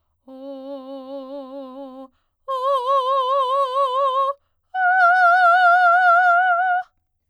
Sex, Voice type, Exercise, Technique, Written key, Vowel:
female, soprano, long tones, full voice forte, , o